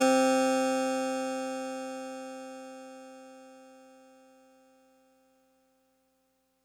<region> pitch_keycenter=48 lokey=47 hikey=50 volume=6.679631 lovel=100 hivel=127 ampeg_attack=0.004000 ampeg_release=0.100000 sample=Electrophones/TX81Z/Clavisynth/Clavisynth_C2_vl3.wav